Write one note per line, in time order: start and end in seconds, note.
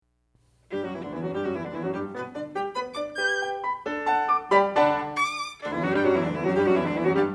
0.73 0.82 G2
0.73 0.82 G3
0.73 0.82 G4
0.82 0.90 F#2
0.82 0.90 F#3
0.82 0.92 F#4
0.92 1.01 E2
0.92 1.01 E3
0.92 1.01 E4
1.01 1.11 D2
1.01 1.11 D3
1.01 1.11 D4
1.11 1.22 E2
1.11 1.22 E3
1.11 1.23 E4
1.23 1.32 F#2
1.23 1.32 F#3
1.23 1.32 F#4
1.32 1.43 G2
1.32 1.43 G3
1.32 1.43 G4
1.43 1.53 F#2
1.43 1.53 F#3
1.43 1.53 F#4
1.53 1.66 E2
1.53 1.66 E3
1.53 1.66 E4
1.66 1.75 D2
1.66 1.75 D3
1.66 1.76 D4
1.76 1.86 E2
1.76 1.86 E3
1.76 1.86 E4
1.86 1.96 F#2
1.86 1.96 F#3
1.86 1.96 F#4
1.96 2.17 G2
1.96 2.17 G3
1.96 2.11 G4
2.17 2.34 B2
2.17 2.34 B3
2.17 2.30 B4
2.34 2.55 D3
2.34 2.55 D4
2.34 2.50 D5
2.57 2.74 G3
2.57 2.74 G4
2.57 2.69 G5
2.75 2.96 B3
2.75 2.96 B4
2.75 2.90 B5
2.97 3.18 D4
2.97 3.18 D5
2.97 3.12 D6
3.18 3.63 G4
3.18 3.63 B4
3.18 3.63 G6
3.41 3.63 G5
3.63 3.85 B5
3.85 4.28 D4
3.85 4.28 A4
4.06 4.28 F#5
4.06 4.28 A5
4.28 4.52 D6
4.52 4.72 G3
4.52 4.72 G4
4.52 4.72 D5
4.52 4.72 G5
4.52 4.72 B5
4.74 4.97 D3
4.74 4.97 D4
4.74 4.97 D5
4.74 4.97 F#5
4.74 4.97 A5
5.17 5.25 C#6
5.25 5.61 D6
5.61 5.71 D2
5.61 5.71 D3
5.61 5.71 D4
5.71 5.82 E2
5.71 5.82 E3
5.71 5.82 E4
5.84 5.94 F#2
5.84 5.94 F#3
5.84 5.94 F#4
5.94 6.04 G2
5.94 6.04 G3
5.94 6.05 G4
6.05 6.13 F#2
6.05 6.13 F#3
6.05 6.13 F#4
6.13 6.25 E2
6.13 6.25 E3
6.13 6.25 E4
6.25 6.35 D2
6.25 6.35 D3
6.25 6.36 D4
6.36 6.45 E2
6.36 6.45 E3
6.36 6.45 E4
6.45 6.55 F#2
6.45 6.55 F#3
6.45 6.55 F#4
6.55 6.63 G2
6.55 6.63 G3
6.55 6.64 G4
6.64 6.73 F#2
6.64 6.73 F#3
6.64 6.73 F#4
6.73 6.83 E2
6.73 6.83 E3
6.73 6.84 E4
6.84 6.93 D2
6.84 6.93 D3
6.84 6.93 D4
6.93 7.03 E2
6.93 7.03 E3
6.93 7.03 E4
7.03 7.13 F#2
7.03 7.13 F#3
7.03 7.14 F#4
7.14 7.35 G2
7.14 7.35 G3
7.14 7.29 G4